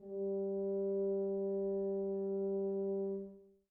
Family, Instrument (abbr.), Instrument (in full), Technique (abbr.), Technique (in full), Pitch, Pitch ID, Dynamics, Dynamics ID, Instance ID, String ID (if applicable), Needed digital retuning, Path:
Brass, BTb, Bass Tuba, ord, ordinario, G3, 55, mf, 2, 0, , TRUE, Brass/Bass_Tuba/ordinario/BTb-ord-G3-mf-N-T14u.wav